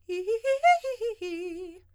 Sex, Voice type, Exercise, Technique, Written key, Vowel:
female, soprano, arpeggios, fast/articulated forte, F major, i